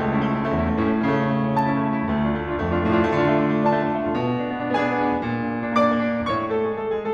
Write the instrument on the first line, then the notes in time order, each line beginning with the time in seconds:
piano
0.00 C#2 A3
0.09 C#4 E4
0.19 A3
0.26 C#4 E4
0.34 A3
0.42 C#4 E4
0.52 E2 A3
0.65 C#4 E4
0.75 A3
0.85 A2 C#4 E4
0.92 A3
1.00 C#4 E4
1.09 C#3 A3
1.18 C#4 E4
1.29 A3
1.37 C#4 E4
1.45 A3
1.53 C#4 E4
1.61 A3 A5
1.74 C#4 E4
1.82 A3
1.90 C#4 E4
1.99 A3
2.07 C#4 E4
2.15 D2 A3
2.24 D4 F4
2.32 A3
2.40 D4 F4
2.47 A3
2.53 D4 F4
2.61 F2 A3
2.72 D4 F4
2.80 A3
2.88 A2 D4 F4
2.97 A3
3.07 D4 F4
3.16 D3 A3
3.25 D4 F4
3.34 A3
3.42 D4 F4
3.49 A3
3.59 D4 F4
3.70 A3 A5
3.80 D4 F4
3.88 A3
3.96 D4 F4
4.04 A3
4.12 D4 F4
4.20 A#2
4.28 D4
4.37 B3
4.45 D4
4.53 B3
4.63 D4
4.71 B3 G#4 G#5
4.79 D4
4.88 B3
4.96 D4
5.04 B3
5.13 D4
5.21 A#2
5.29 D4
5.40 A#3
5.48 D4
5.57 A#3
5.65 D4
5.75 A#3 D5 D6
5.84 D4
5.91 A#3
6.00 D4
6.12 A#3
6.21 D4
6.34 A2 C#5 C#6
6.49 A3 A4
6.65 G#3 G#4
6.76 A3 A4
6.87 G#3 G#4
6.99 A3 A4